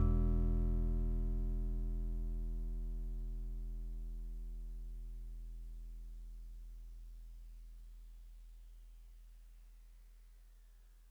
<region> pitch_keycenter=40 lokey=39 hikey=42 tune=-2 volume=15.874225 lovel=0 hivel=65 ampeg_attack=0.004000 ampeg_release=0.100000 sample=Electrophones/TX81Z/FM Piano/FMPiano_E1_vl1.wav